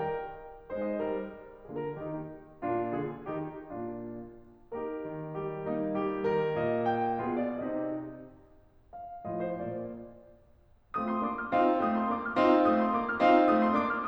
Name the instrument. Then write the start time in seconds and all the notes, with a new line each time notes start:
piano
0.00 A#4
0.73 G#3 D#4 C5
0.85 D#5
1.00 G3 A#4
1.67 D3 A#3 F4 G#4
1.81 A#4
1.97 D#3 D#4 G4
2.62 A#2 A#3 D4 F4
2.95 D3 F4 G#4
3.22 D#3 A#3 D#4 G4
3.52 A#2 A#3 D4 F4
4.71 A#3 D#4 G4 A#4
5.10 D#3
5.34 G3 G4
5.65 A#3 D#4
5.97 G3 G4
6.26 D#3 A#4
6.58 A#2 D#5
6.91 G5
7.17 B2 B3 F4 G#4 F5
7.37 D5
7.55 C3 C4 D#4 G4 D#5
8.94 F5
9.29 A2 F3 A3 F4 D#5
9.40 C5
9.61 A#2 A#3 D5
10.97 A3 C4 F4 D#6
11.10 C6
11.22 A#3 D4 D6
11.34 F6
11.48 C4 D#4 F4 F5
11.82 A3 C4 D#6
11.95 C6
12.09 A#3 D4 D6
12.24 F6
12.36 C4 D#4 F4 F5
12.70 A3 C4 D#6
12.85 C6
12.98 A#3 D4 D6
13.11 F6
13.22 C4 D#4 F4 F5
13.51 A3 C4 D#6
13.63 C6
13.75 A#3 D4 D6
13.87 F6